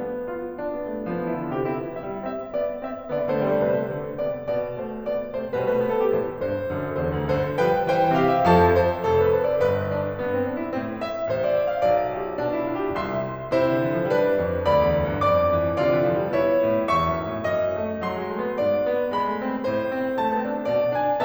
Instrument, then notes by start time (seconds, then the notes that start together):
piano
0.00 B3
0.27 F4
0.57 D4
0.77 A3
0.91 G3
1.03 F3
1.17 G3 B3
1.28 F3 E4
1.42 E3 F4
1.53 D3 G4
1.70 C3 C4 E4
1.87 B3
2.00 A3 E5
2.16 G3
2.29 C4 E5
2.52 B3 D5
2.83 C4 E5
3.12 D3 B3 D5
3.38 D3 A3 C5
3.44 B3 D5
3.52 A3 C5
3.58 B3 D5
3.63 C3 A3 C5
3.70 B3 D5
3.77 G3 B4
3.83 A3 C5
3.90 D3
4.24 C3 B3 D5
4.53 B2 B3 D5
4.78 A3 C5
5.02 B3 D5
5.27 C3 A3 C5
5.51 C3 G3 B4
5.56 C5
5.61 B4
5.67 C5
5.72 B2 A3 B4
5.80 C5
5.85 B3 A4
6.03 G4
6.08 A2 E3 C5
6.40 G2 E3 C5
6.69 F#2 D3
6.98 E2 C5
7.14 D2
7.29 G2 D3 C5
7.62 F3 G3 B4 G5
7.91 E3 G3 C5 G5
8.21 D3 C4 G4 F5
8.37 C3 E5
8.51 F2 F3 A4 A5
8.77 C5
9.06 F1 A4
9.22 B4
9.39 C5
9.50 D5
9.61 G1 B4
9.97 D4
10.24 G2 B3
10.36 C4
10.50 D4
10.65 E4
10.76 A2 C4
11.01 E5
11.28 A1 C5
11.45 D5
11.58 E5
11.74 F5
11.91 B1 D5
12.16 G4
12.40 B2 D4
12.56 E4
12.70 F4
12.86 G4
12.97 C2 E5 C6
13.28 D3
13.53 C3 E4 C5
13.73 D3
13.92 E3
14.04 F3
14.16 G3 D4 B4
14.38 F2
14.64 D2 D5 B5
14.81 E2
14.94 F2
15.08 G2
15.26 F2 D5 D6
15.58 E3
15.82 D3 F4 D5
15.96 E3
16.09 F3
16.23 G3
16.39 A3 E4 C#5
16.68 A2
16.92 E2 E5 C#6
17.10 F#2
17.24 G2
17.36 A2
17.53 F#2 D#5
17.79 A3
18.04 F#3 C6
18.17 G#3
18.29 A3
18.41 B3
18.60 G#2 D5
18.83 B3
19.17 G#3 B5
19.32 A3
19.47 B3
19.59 C4
19.73 A2 C5
19.96 C4
20.19 A3 A5
20.32 B3
20.45 C4
20.56 D4
20.67 B2 D5
20.93 D4 G#5